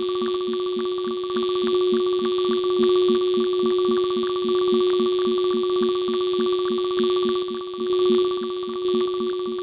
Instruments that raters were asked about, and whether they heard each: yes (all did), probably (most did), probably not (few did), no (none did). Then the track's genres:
synthesizer: yes
cymbals: no
mallet percussion: no
cello: no
Electronic; Experimental; Electroacoustic